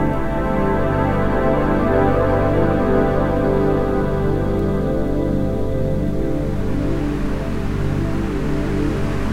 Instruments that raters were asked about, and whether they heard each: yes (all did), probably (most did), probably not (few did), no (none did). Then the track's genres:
organ: probably
Ambient Electronic; Ambient